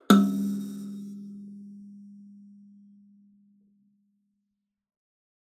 <region> pitch_keycenter=55 lokey=55 hikey=56 tune=-45 volume=4.060146 offset=4666 ampeg_attack=0.004000 ampeg_release=15.000000 sample=Idiophones/Plucked Idiophones/Kalimba, Tanzania/MBira3_pluck_Main_G2_k15_50_100_rr2.wav